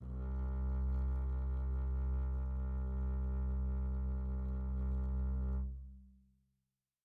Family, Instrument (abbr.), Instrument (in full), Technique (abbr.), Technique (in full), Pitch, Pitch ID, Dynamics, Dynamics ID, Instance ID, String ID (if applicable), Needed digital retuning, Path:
Strings, Cb, Contrabass, ord, ordinario, C2, 36, pp, 0, 3, 4, FALSE, Strings/Contrabass/ordinario/Cb-ord-C2-pp-4c-N.wav